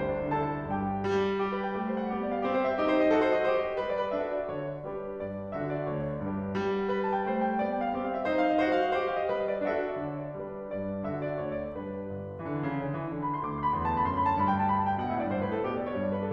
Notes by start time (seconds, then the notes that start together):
0.00 D2 C5 C6
0.13 D4
0.22 D3
0.31 D4 A4 A5
0.45 D3
0.57 D4
0.67 G2 G4 G5
0.95 G3
1.37 G4
1.52 B4
1.65 G5
1.74 A3 G4
1.90 C5
2.00 F#5
2.11 B3 G4
2.23 D5
2.35 F5
2.44 C4 G4
2.54 C5
2.67 E5
2.76 D#4 G4
2.87 C5
3.01 D#5
3.12 F#4 A4
3.23 C5
3.32 D#5
3.49 G4 C5
3.60 D#5
3.69 C5
3.78 G3 B4
3.90 D5
4.01 B4
4.14 D4 F#4 A4 E5
4.31 D5
4.53 D3 C#5
4.70 D5
4.88 G3 D4 G4 B4
5.15 G2 D5
5.56 D3 F#4 A4 E5
5.74 D5
5.90 D2 C#5
6.06 D5
6.21 G2 D4 G4 B4
6.54 G3
6.93 B4
7.05 A5
7.16 G5
7.29 A3 C5
7.43 G5
7.55 F#5
7.63 B3 D5
7.72 G5
7.85 F5
7.95 C4 G4
8.06 F5
8.15 E5
8.27 D#4 C5
8.38 F5
8.53 D#5
8.72 F#4 C5
8.81 F5
8.90 D#5
9.01 G4 C5
9.11 F5
9.23 D#5
9.32 G3 B4
9.44 D#5
9.54 D5
9.65 D4 F#4 A4 E5
9.83 D5
9.98 D3 C#5
10.18 D5
10.40 G3 D4 G4 B4
10.69 G2 D5
11.11 D3 F#4 A4 E5
11.27 D5
11.44 D2 C#5
11.60 D5
11.77 G2 D4 G4 B4
12.04 G1
12.40 E3
12.49 D3
12.70 C#3
12.85 D3
12.99 E3
13.17 D3
13.26 B5
13.36 C6
13.48 D2 D6
13.58 C6
13.69 B5
13.78 E2 C6
13.87 A5
13.96 B5
14.06 F#2 C6
14.16 B5
14.26 A5
14.34 G2 B5
14.44 G5
14.58 A5
14.70 B5
14.78 A5
14.88 G5
14.99 B2 F#5
15.10 E5
15.16 A2
15.21 D5
15.30 G2 C5
15.41 B4
15.48 A2
15.53 A4
15.64 B2 G4
15.75 D5
15.85 C#5
15.95 G2 D5
16.04 B4
16.22 A4